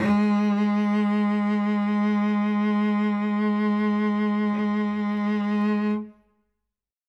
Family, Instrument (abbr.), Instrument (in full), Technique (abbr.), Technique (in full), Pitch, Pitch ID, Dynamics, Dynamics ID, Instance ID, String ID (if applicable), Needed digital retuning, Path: Strings, Vc, Cello, ord, ordinario, G#3, 56, ff, 4, 3, 4, TRUE, Strings/Violoncello/ordinario/Vc-ord-G#3-ff-4c-T15u.wav